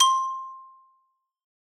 <region> pitch_keycenter=72 lokey=70 hikey=75 volume=-1.580310 lovel=84 hivel=127 ampeg_attack=0.004000 ampeg_release=15.000000 sample=Idiophones/Struck Idiophones/Xylophone/Hard Mallets/Xylo_Hard_C5_ff_01_far.wav